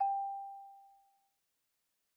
<region> pitch_keycenter=67 lokey=64 hikey=69 volume=9.933678 lovel=0 hivel=83 ampeg_attack=0.004000 ampeg_release=15.000000 sample=Idiophones/Struck Idiophones/Xylophone/Soft Mallets/Xylo_Soft_G4_pp_01_far.wav